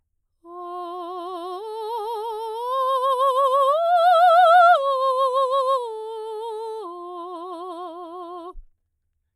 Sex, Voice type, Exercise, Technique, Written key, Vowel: female, soprano, arpeggios, slow/legato piano, F major, o